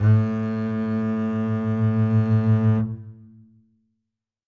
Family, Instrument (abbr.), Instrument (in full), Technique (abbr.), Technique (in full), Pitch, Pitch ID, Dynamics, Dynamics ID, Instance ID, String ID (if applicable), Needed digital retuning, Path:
Strings, Cb, Contrabass, ord, ordinario, A2, 45, ff, 4, 3, 4, TRUE, Strings/Contrabass/ordinario/Cb-ord-A2-ff-4c-T17u.wav